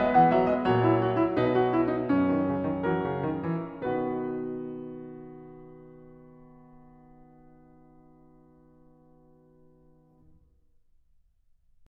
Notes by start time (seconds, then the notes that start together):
0.00 G#3 B3 B4 D#5
0.16 E3 F#5
0.35 F#3 E5
0.50 G#3 D#5
0.67 A#2 F#3 C#5
0.85 E4
0.98 F#4
1.16 E4
1.38 B2 D#4 B4
1.58 F#4
1.74 E4
1.90 D#4
2.10 F#2 C#4
2.23 D#3
2.43 C#3
2.66 D#3
2.86 E3 F#4 A#4
3.05 C#3
3.24 D#3
3.46 E3
3.85 B2 D#3 B3 F#4 B4